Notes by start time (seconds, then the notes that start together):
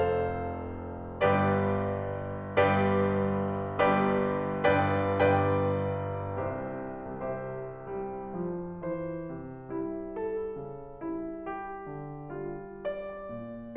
0.01 F1 F2 A4 C5 F5
1.22 G1 G2 G4 B4 D5
2.60 G1 G2 G4 B4 D5
3.83 G1 G2 G4 B4 D5
4.64 G1 G2 B4 D5 G5
5.21 G1 G2 B4 D5 G5
6.37 C2 C3 G4 C5 E5
7.19 C2 C3 G4 C5 E5
7.87 G3
8.46 F3
8.94 E3 C5
9.33 C3
9.76 G3 E4
10.21 A4
10.61 C#3
11.02 G3 E4
11.46 G4
11.85 D3
12.34 G3 F4
12.83 D5
13.28 A#2